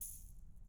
<region> pitch_keycenter=61 lokey=61 hikey=61 volume=19.259504 seq_position=1 seq_length=2 ampeg_attack=0.004000 ampeg_release=30.000000 sample=Idiophones/Struck Idiophones/Shaker, Small/Mid_Shaker_Slap_rr1.wav